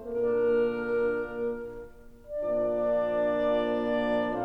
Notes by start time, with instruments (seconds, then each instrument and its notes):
0.00 bassoon A#2 A#3, horn D3 A#3, clarinet D4 A#4, oboe D4 A#4
2.35 bassoon A#2, horn F3 A#3, clarinet D4 D5, oboe D5